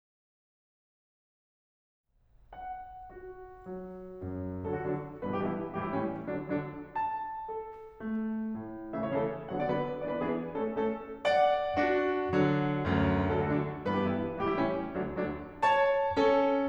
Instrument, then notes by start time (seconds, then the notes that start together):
piano
2.46 F#5
3.09 F#4
3.66 F#3
4.19 F#2
4.71 D3 F#3 A4
4.82 F#4
4.90 D3 F#3 D4
5.26 G2 B2 E3 B4
5.34 G4
5.43 G2 B2 E3 E4
5.79 A2 E3 G3 G4
5.85 E4
5.92 A2 E3 G3 C#4
6.29 D3 F#3 D4
6.51 D3 F#3 D4
6.92 A5
7.48 A4
7.98 A3
8.58 A2
9.03 C#3 E3 A3 E5
9.12 C#5
9.21 C#3 E3 A3 A4
9.51 D3 F#3 B3 F#5
9.59 D5
9.69 D3 F#3 B3 B4
10.07 E3 B3 D4 D5
10.17 B4
10.27 E3 B3 D4 G#4
10.65 A3 C#4 A4
10.85 A3 C#4 A4
11.25 D5 F#5
11.77 D4 F#4
12.32 D3 F#3
12.84 D2 F#2
13.33 D3 F#3 A3 A4
13.41 F#4
13.48 D3 F#3 A3 D4
13.91 G2 E3 B3 B4
13.99 G4
14.06 G2 E3 B3 E4
14.43 A2 E3 G3 G4
14.52 E4
14.59 A2 E3 G3 C#4
15.01 D2 D3 F#3 D4
15.19 D2 D3 F#3 D4
15.63 C#5 A5
16.15 C#4 A4